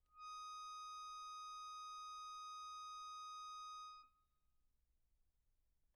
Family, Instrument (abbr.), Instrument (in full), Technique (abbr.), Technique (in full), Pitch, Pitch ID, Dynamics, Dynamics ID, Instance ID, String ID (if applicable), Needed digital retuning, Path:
Keyboards, Acc, Accordion, ord, ordinario, D#6, 87, pp, 0, 2, , FALSE, Keyboards/Accordion/ordinario/Acc-ord-D#6-pp-alt2-N.wav